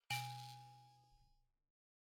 <region> pitch_keycenter=46 lokey=46 hikey=48 tune=-80 volume=22.012119 offset=4644 ampeg_attack=0.004000 ampeg_release=30.000000 sample=Idiophones/Plucked Idiophones/Mbira dzaVadzimu Nyamaropa, Zimbabwe, Low B/MBira4_pluck_Main_A#1_14_50_100_rr1.wav